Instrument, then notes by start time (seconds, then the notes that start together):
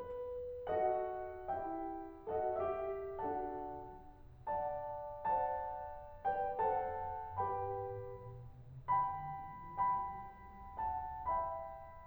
piano
0.01 B4
0.71 F#4 A4 D#5 F#5
1.49 E4 G4 E5 G5
2.30 F#4 A4 D#5 F#5
2.64 G4 E5
3.28 D4 F#4 A4 F#5 A5
4.75 D5 F#5 A5
5.36 C5 D5 F#5 A5
6.26 B4 D5 G5
6.59 A4 C5 F#5 A5
7.42 G4 B4 G5 B5
8.91 G5 B5
9.56 G5 B5
10.80 F#5 A5
11.27 E5 G5 B5